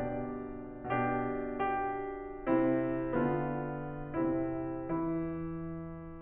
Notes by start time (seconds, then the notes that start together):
0.01 B2 D4 G4 D5
0.91 B2 D4 G4
1.35 G4
2.51 C3 C4 E4
3.10 D3 B3 F4
4.21 C3 C4 E4
4.86 E3 E4